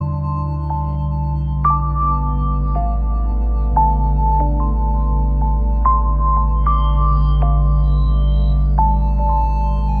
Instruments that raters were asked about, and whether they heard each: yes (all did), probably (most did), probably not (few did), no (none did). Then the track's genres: organ: probably not
mallet percussion: probably
Soundtrack; Ambient Electronic; Unclassifiable